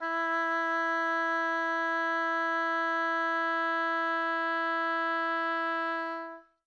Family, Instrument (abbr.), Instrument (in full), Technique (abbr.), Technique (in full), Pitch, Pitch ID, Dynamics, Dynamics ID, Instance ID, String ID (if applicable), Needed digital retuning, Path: Winds, Ob, Oboe, ord, ordinario, E4, 64, mf, 2, 0, , FALSE, Winds/Oboe/ordinario/Ob-ord-E4-mf-N-N.wav